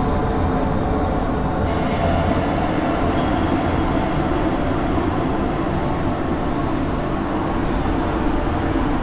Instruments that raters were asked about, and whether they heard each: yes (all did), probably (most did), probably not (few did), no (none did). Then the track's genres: ukulele: no
Soundtrack; Industrial; Ambient